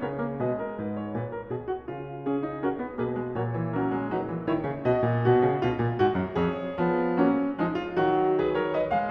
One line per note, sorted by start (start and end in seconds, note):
0.00 0.36 C#3
0.00 0.19 B3
0.00 0.37 A#4
0.00 0.36 C#5
0.19 0.37 A#3
0.36 0.75 B2
0.36 1.14 G#3
0.36 0.56 B4
0.36 2.30 D#5
0.56 0.77 A#4
0.75 1.13 G#2
0.75 0.96 B4
0.96 1.14 C#5
1.13 1.52 A#2
1.13 1.32 B4
1.32 1.53 A#4
1.52 1.89 B2
1.52 1.70 G#4
1.70 1.90 F#4
1.89 2.59 C#3
1.89 2.60 F4
2.30 2.45 C#4
2.30 2.59 G#4
2.45 2.60 D#4
2.59 2.76 C#4
2.59 2.97 F#4
2.59 2.96 A#4
2.76 2.97 B3
2.96 3.37 B2
2.96 3.20 A#3
2.96 3.38 G#4
2.96 3.37 B4
3.20 3.38 G#3
3.37 4.97 A#2
3.37 3.59 F#3
3.37 3.77 A#4
3.37 3.76 C#5
3.59 3.77 E3
3.76 4.01 F#3
3.76 4.17 C#4
3.76 4.16 A#4
4.01 4.17 G#3
4.16 4.35 F#3
4.16 4.54 D#4
4.16 4.53 B4
4.35 4.54 E3
4.53 4.69 D#3
4.53 4.85 E4
4.53 4.84 C#5
4.69 4.85 C#3
4.84 5.61 B2
4.84 5.25 F#4
4.84 6.34 D#5
5.02 5.25 A#2
5.25 5.43 B2
5.25 5.61 F#4
5.43 5.61 C#3
5.61 5.79 B2
5.61 5.97 F4
5.79 5.97 A#2
5.97 6.15 G#2
5.97 6.37 F#4
6.15 6.37 F#2
6.34 6.84 F2
6.34 7.17 G#4
6.34 8.39 C#5
6.84 7.17 F3
6.84 7.17 B3
7.17 7.56 F#3
7.17 7.56 A#3
7.17 7.56 C#4
7.56 7.98 F3
7.56 7.98 G#3
7.56 7.73 D#4
7.73 7.98 F4
7.98 9.11 D#3
7.98 8.93 F#3
7.98 8.41 F#4
8.39 8.56 G#4
8.39 8.54 B4
8.54 8.75 A#4
8.54 8.74 C#5
8.74 9.11 B4
8.74 8.92 D#5
8.92 9.11 G#3
8.92 9.11 F5